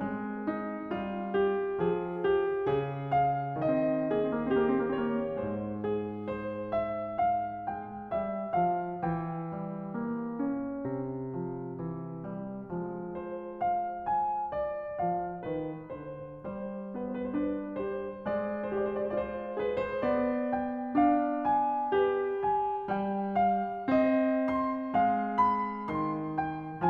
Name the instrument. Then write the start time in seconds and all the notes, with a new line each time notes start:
piano
0.00 G#3 C4
0.45 D#4
0.80 G3
0.93 F4
1.38 G4
1.79 F3
1.83 G#4
2.15 G4
2.53 C#3
2.72 G#4
3.10 F5
3.59 D#3 C4
3.74 D#5
3.80 A#3
3.99 C4
4.10 A#3 G#4
4.32 C4
4.46 A#3
4.55 G4
5.02 C#5
5.38 G#2 G#3
5.56 C5
5.92 G#4
6.28 C5
6.78 E5
7.23 F5
7.65 G#3
7.72 G5
8.09 G3
8.15 E5
8.53 F3
8.60 F5
8.99 E3
9.04 G5
9.59 G3
9.93 A#3
10.36 C#4
10.90 C3
11.38 F3
11.75 E3
12.27 G3
12.67 F3 G#3
13.06 C5
13.62 F5
14.14 G#5
14.52 D5
15.10 F3 F5
15.38 D#3 B4
15.86 D3
15.93 C5
16.37 G3
16.42 C5
16.54 B4
16.89 B3 C5
17.08 B4
17.24 C5
17.30 D4 B4
17.71 G4
18.02 C5
18.23 G#3
18.37 D5
18.58 C5
18.77 G4 D5
18.91 C5
19.04 D5
19.13 F4
19.21 C5
19.57 G#4
19.64 B4
19.78 C5
20.15 B3 D5
20.58 G5
20.90 D4
21.13 F5
21.46 G#5
21.93 G4 B4
22.50 G#5
22.88 G3
22.95 G5
23.41 F5
23.88 C4 D#5
24.50 C6
24.94 G#3 F5
25.67 B5
25.81 D#3
25.88 C6
26.41 G5